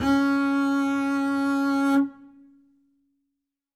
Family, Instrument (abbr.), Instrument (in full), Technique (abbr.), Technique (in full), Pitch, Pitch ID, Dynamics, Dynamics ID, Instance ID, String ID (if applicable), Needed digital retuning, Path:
Strings, Cb, Contrabass, ord, ordinario, C#4, 61, ff, 4, 0, 1, TRUE, Strings/Contrabass/ordinario/Cb-ord-C#4-ff-1c-T22u.wav